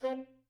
<region> pitch_keycenter=60 lokey=59 hikey=61 tune=4 volume=20.834429 offset=195 lovel=0 hivel=83 ampeg_attack=0.004000 ampeg_release=1.500000 sample=Aerophones/Reed Aerophones/Tenor Saxophone/Staccato/Tenor_Staccato_Main_C3_vl1_rr4.wav